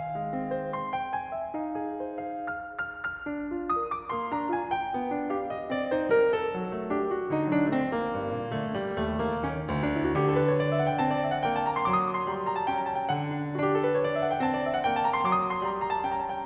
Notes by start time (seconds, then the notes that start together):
0.00 D#3 F5
0.20 G#3
0.37 C4
0.53 C5
0.73 C6
0.93 G5
1.10 G#5
1.34 E5
1.53 D#4 F5
1.71 G#4
2.16 C5
2.37 F5
2.58 F6
2.79 F6
3.04 F6
3.33 D4
3.61 F4
3.82 A#4 D#6
3.97 D6
4.13 A#3 C6
4.31 D4 A#5
4.49 F4 G#5
4.71 G5
4.97 B3
5.14 D4
5.34 G4 F5
5.51 D#5
5.69 C4 D5
5.94 D#4 C5
6.16 G3 A#4
6.36 A4
6.55 F#3
6.78 A3
6.93 D4 G4
7.12 F#4
7.28 D3 D#4
7.48 F#3 D4
7.74 A3 C4
7.95 A#3
8.16 G2
8.37 A#2
8.57 D3 A3
8.75 G3
9.00 D#2 A3
9.21 D#3 A#3
9.50 D#3 C#4
9.69 D2
9.79 D4
9.91 E4
10.02 F#4
10.17 D3 G4
10.27 A4
10.38 B4
10.52 C#5
10.60 D5
10.72 E5
10.83 F#5
10.92 G5
11.03 C4 A5
11.16 D5
11.26 E5
11.35 F#5
11.45 A#3 G5
11.55 A5
11.68 A#5
11.78 C6
11.89 F#3 D6
12.05 D#6
12.18 D6
12.27 C6
12.35 G3 A#5
12.46 C6
12.55 A#5
12.65 A5
12.75 C#4 G5
12.84 A#5
12.92 A5
13.03 G5
13.20 D3 F#5
13.33 D4
13.46 E4
13.54 F#4
13.62 D4 G4
13.71 A4
13.82 B4
13.92 C#5
14.12 D5
14.21 E5
14.29 F#5
14.36 G5
14.44 C4 A5
14.52 D5
14.65 E5
14.76 F#5
14.86 A#3 G5
14.97 A5
15.05 A#5
15.15 C6
15.23 F#3 D6
15.36 D#6
15.45 D6
15.53 C6
15.62 G3 A#5
15.74 C6
15.82 A#5
15.93 A5
16.03 C#4 G5
16.11 A#5
16.22 A5
16.32 G5